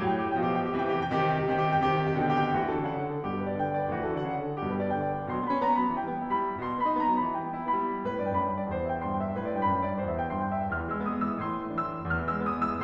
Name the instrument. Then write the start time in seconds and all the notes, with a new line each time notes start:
piano
0.00 A2 F#3 G5
0.12 G4
0.27 G5
0.38 B2 F3 G4
0.55 G5
0.66 G4
0.77 C3 E3 G5
0.89 G4
1.00 G5
1.15 C3 D#3 G4
1.28 G5
1.36 G4
1.49 C3 D#3 G5
1.63 G4
1.72 G5
1.83 C3 D#3 G4
1.93 G5
2.03 G4
2.14 B2 D3 G5
2.24 G4
2.39 G5
2.58 D2 E3 F#4
2.71 A4
2.77 D3
2.82 D5
2.91 C#3 F#5
3.04 D5
3.10 D3
3.18 A4
3.30 G2 B2 G4
3.38 B4
3.47 D5
3.58 D3 G5
3.68 D5
3.81 B4
3.90 D2 E3 F#4
4.04 A4
4.10 D3
4.14 D5
4.24 C#3 F#5
4.33 D5
4.39 D3
4.44 A4
4.53 G2 B2 G4
4.63 B4
4.77 D5
4.90 G5
5.02 D5
5.13 B4
5.27 B2 C6
5.38 F#3 B5
5.47 B3
5.56 D#4 A#5
5.68 B3
5.79 B5
5.86 F#3
5.98 E3 G5
6.07 G3
6.20 B3
6.29 E4 B5
6.41 B3
6.54 G3
6.62 B2 C6
6.72 F#3
6.77 B5
6.82 B3
6.91 D#4 A#5
7.04 B3
7.11 B5
7.19 F#3
7.33 E3 G5
7.44 G3
7.55 B3
7.67 E4 B5
7.83 B3
7.94 G3
8.05 A2 B4
8.16 D5
8.23 G2
8.30 G5
8.38 F#2 B5
8.49 G5
8.53 G2
8.59 D5
8.71 E2 C5
8.85 E5
8.94 G5
9.07 G2 C6
9.16 G5
9.25 E5
9.36 A2 B4
9.46 D5
9.52 G2 G5
9.66 F#2 B5
9.75 G5
9.81 G2
9.89 D5
10.01 E2 C5
10.11 E5
10.22 G5
10.32 G2 C6
10.51 G5
10.60 E5
10.69 E2 F6
10.80 E3
10.84 E6
10.90 G#3
11.01 B3 D#6
11.12 G#3
11.17 E6
11.27 E3
11.39 A2 C6
11.49 E3
11.60 A3
11.69 C4 E6
11.77 A3
11.88 E3
11.99 E2 F6
12.10 E3
12.25 E6
12.33 G#3
12.42 B3 D#6
12.57 G#3
12.63 E6
12.72 E3